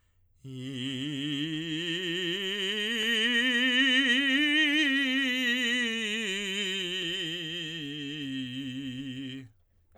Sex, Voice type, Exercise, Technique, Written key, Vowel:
male, tenor, scales, vibrato, , i